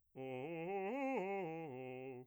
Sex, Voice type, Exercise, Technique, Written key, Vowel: male, bass, arpeggios, fast/articulated piano, C major, o